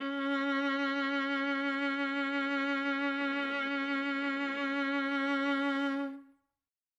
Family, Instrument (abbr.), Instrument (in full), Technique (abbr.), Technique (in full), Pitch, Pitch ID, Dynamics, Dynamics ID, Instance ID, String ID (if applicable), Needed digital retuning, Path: Strings, Va, Viola, ord, ordinario, C#4, 61, ff, 4, 3, 4, TRUE, Strings/Viola/ordinario/Va-ord-C#4-ff-4c-T10u.wav